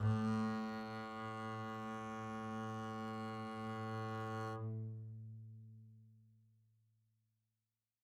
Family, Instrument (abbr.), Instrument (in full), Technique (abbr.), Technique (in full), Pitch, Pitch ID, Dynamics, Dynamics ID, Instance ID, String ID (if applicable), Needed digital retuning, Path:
Strings, Cb, Contrabass, ord, ordinario, A2, 45, mf, 2, 0, 1, FALSE, Strings/Contrabass/ordinario/Cb-ord-A2-mf-1c-N.wav